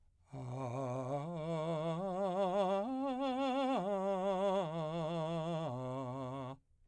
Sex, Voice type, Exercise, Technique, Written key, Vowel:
male, , arpeggios, slow/legato piano, C major, a